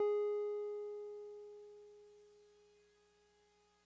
<region> pitch_keycenter=68 lokey=67 hikey=70 volume=21.160578 lovel=0 hivel=65 ampeg_attack=0.004000 ampeg_release=0.100000 sample=Electrophones/TX81Z/Piano 1/Piano 1_G#3_vl1.wav